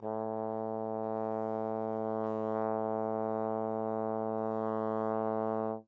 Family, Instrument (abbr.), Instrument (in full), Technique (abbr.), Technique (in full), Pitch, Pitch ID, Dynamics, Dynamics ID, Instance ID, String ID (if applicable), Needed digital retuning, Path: Brass, Tbn, Trombone, ord, ordinario, A2, 45, mf, 2, 0, , FALSE, Brass/Trombone/ordinario/Tbn-ord-A2-mf-N-N.wav